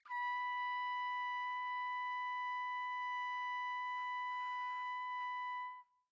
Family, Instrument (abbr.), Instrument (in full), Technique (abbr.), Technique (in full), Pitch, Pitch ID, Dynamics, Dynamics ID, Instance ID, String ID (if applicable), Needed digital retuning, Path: Brass, TpC, Trumpet in C, ord, ordinario, B5, 83, pp, 0, 0, , FALSE, Brass/Trumpet_C/ordinario/TpC-ord-B5-pp-N-N.wav